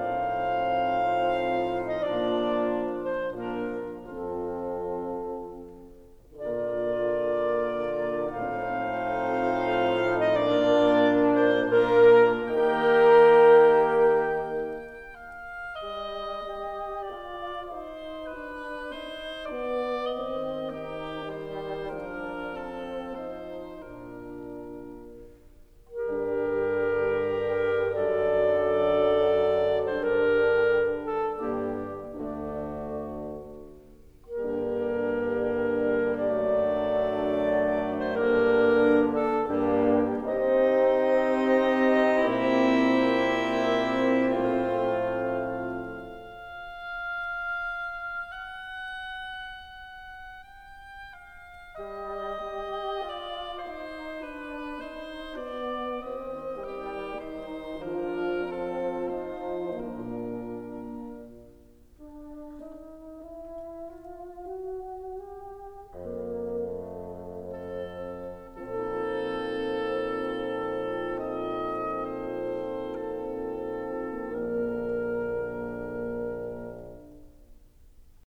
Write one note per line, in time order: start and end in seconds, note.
0.00 1.97 A2
0.00 1.97 F3
0.00 1.97 C4
0.00 1.97 D#4
0.00 1.97 C5
0.00 1.97 F5
1.88 1.97 D#5
1.97 3.36 A#2
1.97 3.33 F3
1.97 3.33 A#3
1.97 3.33 D4
1.97 3.36 F4
1.97 2.87 D5
2.88 3.33 C5
3.36 4.05 A#2
3.36 4.03 F3
3.36 4.03 A#3
3.36 4.03 D4
3.36 4.05 F4
3.36 4.03 A#4
4.05 5.35 F2
4.05 5.34 F3
4.05 5.34 C4
4.05 5.35 F4
4.05 5.34 A4
6.39 8.36 A#2
6.39 8.35 D3
6.39 8.35 A#3
6.39 8.36 A#3
6.39 8.35 F4
6.39 8.36 A#4
6.39 8.35 D5
8.36 10.36 A2
8.36 10.26 F3
8.36 10.36 A3
8.36 10.26 C4
8.36 10.26 D#4
8.36 10.36 C5
8.36 10.26 F5
10.17 10.36 D#5
10.36 11.60 A#2
10.36 11.56 A#3
10.36 11.60 A#3
10.36 11.56 D4
10.36 11.60 F4
10.36 11.35 D5
11.37 11.56 C5
11.60 12.40 A#2
11.60 12.29 A#3
11.60 12.40 A#3
11.60 12.29 D4
11.60 12.40 F4
11.60 12.29 A#4
12.40 14.94 D#3
12.40 14.93 A#3
12.40 14.93 G4
12.40 14.94 G4
12.40 14.93 A#4
12.40 14.93 G5
12.40 15.35 G5
15.35 15.80 F5
15.80 16.59 G3
15.80 16.59 D#5
16.59 17.09 G4
16.59 17.09 D#5
17.09 17.97 F4
17.09 17.96 D5
17.97 18.53 D#4
17.97 18.52 C5
18.53 18.98 D4
18.53 18.97 B4
18.98 19.49 D#4
18.98 19.48 C5
19.49 20.11 B3
19.49 20.10 D5
20.11 21.97 D#3
20.11 20.98 C4
20.11 20.98 D#5
20.98 21.50 G3
20.98 21.50 G4
21.50 21.97 D#4
21.50 21.97 C5
21.97 23.82 F3
21.97 22.69 D4
21.97 22.69 A#4
22.69 23.31 C4
22.69 23.31 A4
23.31 23.82 D#4
23.31 23.82 C5
23.82 24.76 A#2
23.82 24.76 D4
23.82 24.76 A#4
25.96 27.93 G2
25.96 27.92 D3
25.96 27.93 G3
25.96 27.92 D4
25.96 27.92 G4
25.96 27.93 G4
25.96 27.92 A#4
27.93 30.04 F#2
27.93 30.04 D3
27.93 30.04 F#3
27.93 30.04 D4
27.93 30.04 A4
27.93 30.04 D5
29.83 30.04 C5
30.04 31.31 G2
30.04 31.31 D3
30.04 31.31 G3
30.04 31.31 D4
30.04 31.08 A#4
31.09 31.31 A4
31.31 32.15 G2
31.31 32.14 D3
31.31 32.14 G3
31.31 32.14 A#3
31.31 32.14 D4
31.31 32.15 D4
31.31 32.14 G4
32.15 33.19 D2
32.15 33.18 D3
32.15 33.19 D3
32.15 33.18 A3
32.15 33.18 D4
32.15 33.19 D4
32.15 33.18 F#4
34.34 36.13 G2
34.34 36.12 D3
34.34 36.13 G3
34.34 36.12 A#3
34.34 36.12 D4
34.34 36.13 G4
34.34 36.12 A#4
36.13 38.06 F#2
36.13 38.05 D3
36.13 38.06 F#3
36.13 38.05 A3
36.13 38.05 D4
36.13 38.06 A4
36.13 38.05 D5
37.92 38.06 C5
38.06 39.31 G2
38.06 39.29 D3
38.06 39.31 G3
38.06 39.29 A#3
38.06 39.29 D4
38.06 39.31 D4
38.06 38.96 A#4
38.97 39.29 A4
39.31 40.21 G2
39.31 40.21 G3
39.31 40.15 A#3
39.31 40.15 D4
39.31 40.15 G4
39.31 40.21 G4
40.21 42.16 C3
40.21 42.16 C4
40.21 44.21 C4
40.21 42.14 D#4
40.21 44.22 G4
40.21 42.14 D#5
42.16 44.22 A#2
42.16 44.22 A#3
42.16 44.21 E4
42.16 44.21 E5
44.22 45.70 A2
44.22 45.69 F3
44.22 45.69 A3
44.22 45.69 C4
44.22 45.69 F4
44.22 45.70 C5
44.22 45.69 F5
44.22 48.34 F5
48.34 50.35 F#5
50.35 51.18 G5
51.18 51.77 F5
51.77 52.42 G3
51.77 52.42 D#5
52.42 52.99 G4
52.42 52.99 D#5
52.99 53.71 F4
52.99 53.71 D5
53.71 54.37 D#4
53.71 54.37 C5
54.37 54.82 D4
54.37 54.82 B4
54.82 55.39 D#4
54.82 55.39 C5
55.39 56.01 B3
55.39 56.01 D5
56.01 57.81 D#3
56.01 56.53 C4
56.01 56.53 D#5
56.53 57.14 G3
56.53 57.14 G4
57.14 57.81 D#4
57.14 57.81 C5
57.81 59.58 F3
57.81 59.59 F3
57.81 59.14 D4
57.81 59.58 F4
57.81 58.63 A#4
58.63 59.14 A4
59.14 59.59 C4
59.14 59.59 C5
59.59 60.80 A#2
59.59 60.84 A#2
59.59 60.80 A#3
59.59 60.84 D4
59.59 60.84 A#4
61.97 62.91 D4
62.91 63.33 D#4
63.33 63.88 E4
63.88 64.53 F4
64.53 64.91 F#4
64.91 65.68 G4
65.68 68.84 F2
65.68 66.75 A#3
66.75 67.95 A3
67.95 68.84 C4
67.95 68.84 A4
68.84 74.29 A#2
68.84 74.28 F3
68.84 74.28 C4
68.84 74.29 C4
68.84 74.28 D#4
68.84 72.82 A4
68.84 74.28 A4
72.82 73.33 D#5
73.33 73.80 C5
73.80 74.29 A4
74.29 75.28 A#1
74.29 75.27 D3
74.29 75.27 A#3
74.29 75.28 A#3
74.29 75.27 D4
74.29 75.27 A#4
74.29 75.28 A#4